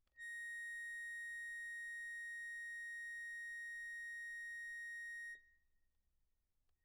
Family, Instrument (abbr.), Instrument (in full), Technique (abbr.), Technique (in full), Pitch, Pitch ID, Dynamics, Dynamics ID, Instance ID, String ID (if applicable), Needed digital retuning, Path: Keyboards, Acc, Accordion, ord, ordinario, A#6, 94, pp, 0, 1, , FALSE, Keyboards/Accordion/ordinario/Acc-ord-A#6-pp-alt1-N.wav